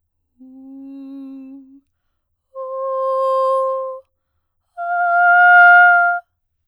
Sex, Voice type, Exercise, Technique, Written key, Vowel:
female, soprano, long tones, messa di voce, , u